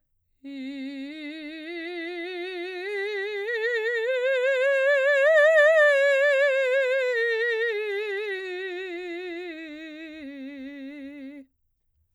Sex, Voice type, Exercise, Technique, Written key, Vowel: female, soprano, scales, slow/legato piano, C major, i